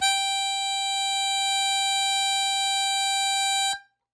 <region> pitch_keycenter=79 lokey=78 hikey=81 volume=8.207255 trigger=attack ampeg_attack=0.100000 ampeg_release=0.100000 sample=Aerophones/Free Aerophones/Harmonica-Hohner-Super64/Sustains/Accented/Hohner-Super64_Accented_G4.wav